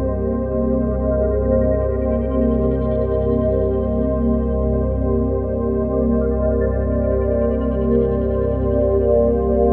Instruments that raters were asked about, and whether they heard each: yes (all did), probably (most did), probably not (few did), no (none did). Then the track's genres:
voice: no
synthesizer: yes
Ambient Electronic; Ambient